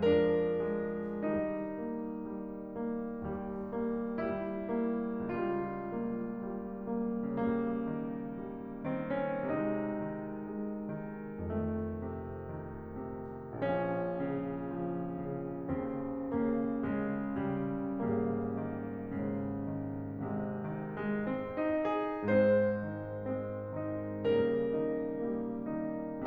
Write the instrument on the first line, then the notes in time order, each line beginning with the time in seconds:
piano
0.01 F3 D4 A#4
0.67 D#3
1.22 D#3 G3 D#4
1.89 A#3
2.28 G3
2.77 A#3
3.20 D#2 G3
3.80 A#3
4.22 G3 E4
4.77 A#3
5.24 C#2 G3 F4
5.96 A#3
6.51 G3
6.94 A#3
7.37 C#3 G3 A#3
7.91 D#3
8.42 G3
8.93 D#3 C4
9.27 C#4
9.50 C3 G#3 D#4
9.91 D#3
10.28 G#3
10.66 D#3
11.37 F2 D#3 A3
11.96 C3
12.44 D#3
13.02 C3
13.50 A#1 F3 C#4
13.97 C#3
14.74 F3
15.11 C#3
15.68 D#2 C#3 C4
16.29 C#3 A#3
16.86 C#3 G#3
17.43 C#3 G3
18.04 G#1 C#3 G3 A#3
18.60 D#3
19.15 A#2 C#3
19.70 D#3
20.28 G#1 C3 G#3
20.60 D#3
20.99 G#3
21.30 C4
21.55 D#4
21.93 G#4
22.32 G#2 G#3 C4 C5
22.81 D#3 D#4
23.21 G#3 C4
23.63 D#3 D#4
24.28 C#3 G3 A#3 A#4
24.78 D#3 D#4
25.23 G3 A#3
25.69 D#3 D#4